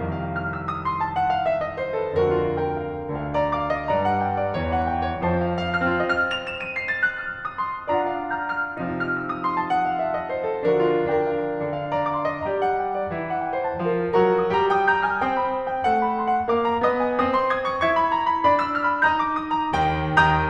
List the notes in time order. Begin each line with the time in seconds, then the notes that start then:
0.00 C2 F2 D#3 F5
0.15 F6
0.36 E6
0.64 D#6
0.85 C6
1.02 A5
1.16 F#5
1.30 F5
1.45 E5
1.65 D#5
1.79 C5
1.96 A4
2.17 D2 F2 D3 F#4 A#4
2.33 F4
2.59 A#4 G5
2.89 F5
3.09 D2 D3 F5
3.26 D5 A#5
3.52 F5 D6
3.67 D#5 C6
3.82 G2 G3 D5 A#5
4.01 F#5
4.14 G5
4.33 D5
4.54 E2 E3 C#5
4.75 F#5
4.89 G5
5.04 D5
5.26 F2 F3 C5 A5
5.45 E5
5.65 F5
5.79 F6
5.96 C4 F4 D#5 F6
6.15 F7
6.36 E7
6.57 D#7
6.73 C7
6.93 A6
7.15 F#6
7.27 F6
7.38 E6
7.50 D#6
7.63 C6
7.77 A5
7.89 D4 F4 D5 F#5 A#5
8.12 F5
8.34 A#5 G6
8.58 F6
8.74 C3 F3 D#4 F5
8.89 F6
9.07 E6
9.28 D#6
9.43 C6
9.57 A5
9.71 F#5
9.86 F5
10.04 E5
10.18 D#5
10.30 C5
10.44 A4
10.66 D3 F3 D4 F#4 A#4
10.87 F4
11.13 A#4 G5
11.39 F5
11.56 D3 D4 F5
11.85 D5 A#5
11.99 F5 D6
12.23 D#5 C6
12.46 G3 G4 D5 A#5
12.62 F#5
12.82 G5
12.96 D5
13.13 E3 E4 C#5
13.28 F#5
13.40 G5
13.54 C#5
13.68 F3 F4 C5 A5
13.89 F5
14.04 F#3 F#4 A#4 A#5
14.23 D#5
14.48 G3 G4 A#5
14.74 G5 D#6
14.92 A#5 G6
15.09 G#5 F6
15.23 C4 C5 G5 D#6
15.43 B5
15.56 C6
15.70 G5
15.88 A3 A4 F#5
16.06 B5
16.18 C6
16.35 F#5
16.56 A#3 A#4 F5 D6
16.71 A#5
16.85 B3 B4 D#5 D#6
17.00 G#5
17.14 C4 C5 D#6
17.29 C6
17.44 D#6 G#6
17.58 C#6
17.83 E4 E5 C#6 G#6
17.98 B5
18.13 A#5
18.26 B5
18.46 D4 D5 B5
18.61 E6
18.75 F6
18.87 B5
19.04 D#4 D#5 A#5 G6
19.19 D6
19.35 D#6
19.54 A#5
19.73 G5
20.04 D#2 D#3 G5 A#5 D#6 G6